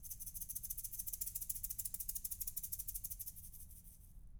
<region> pitch_keycenter=60 lokey=60 hikey=60 volume=20.126577 seq_position=1 seq_length=2 ampeg_attack=0.004000 ampeg_release=0.5 sample=Idiophones/Struck Idiophones/Shaker, Small/Mid_Shaker_Roll_Fast_rr2.wav